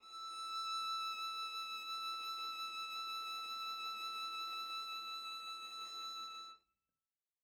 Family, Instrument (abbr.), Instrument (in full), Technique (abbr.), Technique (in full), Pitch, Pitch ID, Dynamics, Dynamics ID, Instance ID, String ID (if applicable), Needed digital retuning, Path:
Strings, Va, Viola, ord, ordinario, E6, 88, mf, 2, 0, 1, FALSE, Strings/Viola/ordinario/Va-ord-E6-mf-1c-N.wav